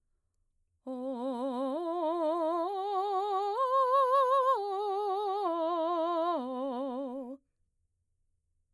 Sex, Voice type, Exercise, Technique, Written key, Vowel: female, mezzo-soprano, arpeggios, slow/legato piano, C major, o